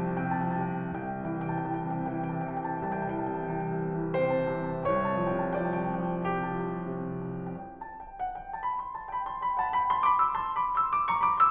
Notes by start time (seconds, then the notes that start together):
0.00 C3 G5 A5
0.14 F3 G5
0.26 A5
0.41 C3
0.48 G5
0.59 C2 A5
0.71 G5
0.81 E3
0.95 A5
1.02 C3
1.07 G5
1.20 E3 A5
1.43 G5
1.47 C3
1.58 A5
1.72 E3 G5
2.05 C3 A5
2.16 G5
2.21 E3
2.32 A5
2.48 C3
2.54 G5
2.86 C2 A5
2.98 G5
3.04 E3
3.15 A5
3.34 C3
3.40 G5
3.61 E3 A5
3.74 C3 G5
3.90 A5
3.96 E3 G5
4.10 C3 C5 A5
4.25 G5
4.37 E3
4.48 A5
4.60 C3
4.66 G5
4.78 C2 C#5 A5
4.93 G5
4.98 F3
5.14 A5
5.22 C3
5.28 G5
5.56 F3 D5 A5
5.70 G5
5.76 C3
5.83 A5
5.91 F3 G5
6.10 C3 G4 A5
6.46 G5
6.61 F3
6.77 A5
6.90 C3
7.49 G5
7.78 A5
7.98 G5
8.23 F#5
8.38 G5
8.51 A5
8.66 B5
8.80 C6
8.94 A5
9.08 G5 B5
9.31 A5 C6
9.46 G5 B5
9.60 F#5 A5
9.75 G5 B5
9.93 A5 C6
10.08 B5 D6
10.22 C6 E6
10.36 A5 C6
10.63 B5 D6
10.80 C6 E6
10.94 B5 D6
11.09 A#5 C#6
11.23 B5 D6
11.38 C6 E6